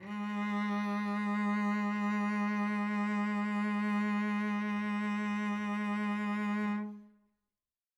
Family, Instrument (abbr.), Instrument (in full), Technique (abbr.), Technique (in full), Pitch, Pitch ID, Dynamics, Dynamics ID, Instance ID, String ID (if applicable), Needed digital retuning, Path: Strings, Vc, Cello, ord, ordinario, G#3, 56, mf, 2, 1, 2, FALSE, Strings/Violoncello/ordinario/Vc-ord-G#3-mf-2c-N.wav